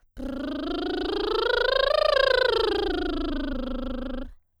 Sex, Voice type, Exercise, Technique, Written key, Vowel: female, soprano, scales, lip trill, , u